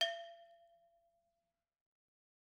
<region> pitch_keycenter=67 lokey=67 hikey=67 volume=6.502775 offset=258 lovel=84 hivel=127 ampeg_attack=0.004000 ampeg_release=10.000000 sample=Idiophones/Struck Idiophones/Brake Drum/BrakeDrum2_Susp_v2_rr1_Mid.wav